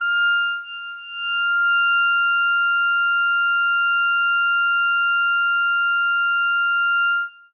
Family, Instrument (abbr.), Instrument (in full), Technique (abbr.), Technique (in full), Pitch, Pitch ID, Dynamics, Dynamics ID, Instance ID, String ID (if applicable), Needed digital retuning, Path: Winds, ClBb, Clarinet in Bb, ord, ordinario, F6, 89, ff, 4, 0, , TRUE, Winds/Clarinet_Bb/ordinario/ClBb-ord-F6-ff-N-T10u.wav